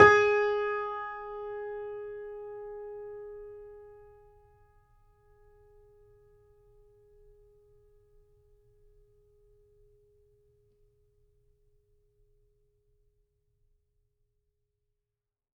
<region> pitch_keycenter=68 lokey=68 hikey=69 volume=-1.429495 lovel=100 hivel=127 locc64=0 hicc64=64 ampeg_attack=0.004000 ampeg_release=0.400000 sample=Chordophones/Zithers/Grand Piano, Steinway B/NoSus/Piano_NoSus_Close_G#4_vl4_rr1.wav